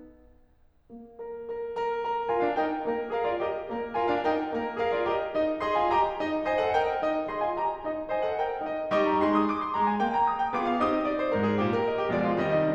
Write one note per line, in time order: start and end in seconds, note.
0.98 1.31 A#3
1.32 1.60 A#4
1.60 1.85 A#4
1.86 2.04 A#4
2.04 2.30 A#4
2.31 2.42 F4
2.31 2.57 A#4
2.31 2.42 G#5
2.42 2.57 D4
2.42 2.57 F5
2.57 2.87 D#4
2.57 2.87 A#4
2.57 2.87 G5
2.87 3.14 A#3
2.87 3.14 A#4
3.14 3.29 G#4
3.14 3.43 A#4
3.14 3.29 F5
3.29 3.43 F4
3.29 3.43 D5
3.43 3.73 G4
3.43 3.73 A#4
3.43 3.73 D#5
3.73 4.01 A#3
3.73 4.01 A#4
4.01 4.12 F4
4.01 4.27 A#4
4.01 4.12 G#5
4.13 4.27 D4
4.13 4.27 F5
4.27 4.56 D#4
4.27 4.56 A#4
4.27 4.56 G5
4.56 4.82 A#3
4.56 4.82 A#4
4.83 4.95 G#4
4.83 5.09 A#4
4.83 4.95 F5
4.95 5.09 F4
4.95 5.09 D5
5.09 5.32 G4
5.09 5.32 D#5
5.33 5.61 D#4
5.33 5.61 D#5
5.61 5.75 G#4
5.61 5.88 D#5
5.61 5.75 C6
5.75 5.88 F4
5.75 5.88 G#5
5.89 6.20 G4
5.89 6.20 D#5
5.89 6.20 A#5
6.20 6.46 D#4
6.20 6.46 D#5
6.47 6.59 C5
6.47 6.73 D#5
6.47 6.59 G#5
6.59 6.73 A4
6.59 6.73 F#5
6.73 7.02 A#4
6.73 7.02 D#5
6.73 7.02 G5
7.02 7.29 D#4
7.02 7.29 D#5
7.29 7.43 G#4
7.29 7.57 D#5
7.29 7.43 C6
7.43 7.57 F4
7.43 7.57 G#5
7.57 7.81 G4
7.57 7.81 D#5
7.57 7.81 A#5
7.81 8.10 D#4
7.81 8.10 D#5
8.10 8.20 C5
8.10 8.35 D#5
8.10 8.20 G#5
8.21 8.35 A4
8.21 8.35 F#5
8.35 8.63 A#4
8.35 8.63 D#5
8.35 8.63 G5
8.63 8.92 D#4
8.63 8.92 D#5
8.93 9.22 G3
8.93 9.51 D#4
8.93 9.22 G4
8.93 9.22 D#5
8.93 9.09 C#6
9.09 9.22 A#5
9.22 9.51 G#3
9.22 9.51 G#4
9.22 9.36 C6
9.36 9.51 D#6
9.52 9.64 D6
9.64 9.76 C6
9.76 9.98 G#3
9.76 9.88 A#5
9.88 9.98 G#5
10.00 10.28 A#3
10.00 10.11 G5
10.11 10.28 A#5
10.28 10.40 D#6
10.40 10.52 G5
10.53 10.76 B3
10.53 10.76 F4
10.53 10.76 G#4
10.53 10.64 D6
10.64 10.76 F5
10.76 11.03 C4
10.76 11.03 D#4
10.76 11.03 G4
10.76 10.88 D#6
10.88 11.03 D#5
11.03 11.18 D5
11.19 11.31 C5
11.31 11.61 G#2
11.31 11.48 A#4
11.48 11.61 G#4
11.61 11.90 A#2
11.61 11.76 G4
11.77 11.90 A#4
11.90 12.01 D#5
12.01 12.12 G4
12.12 12.34 B2
12.12 12.34 F3
12.12 12.34 G#3
12.12 12.24 D5
12.25 12.34 F4
12.34 12.63 C3
12.34 12.63 D#3
12.34 12.63 G3
12.34 12.47 D#5
12.47 12.63 D#4
12.63 12.75 D4